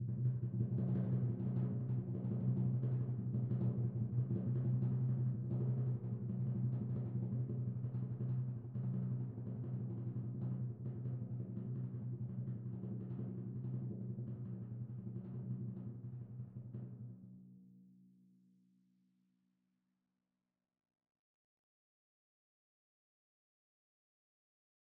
<region> pitch_keycenter=46 lokey=45 hikey=47 volume=26.549093 lovel=0 hivel=83 ampeg_attack=0.004000 ampeg_release=1.000000 sample=Membranophones/Struck Membranophones/Timpani 1/Roll/Timpani2_Roll_v3_rr1_Sum.wav